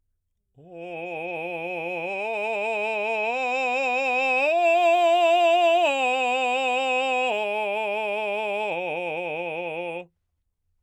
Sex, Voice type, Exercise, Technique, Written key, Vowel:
male, baritone, arpeggios, slow/legato forte, F major, o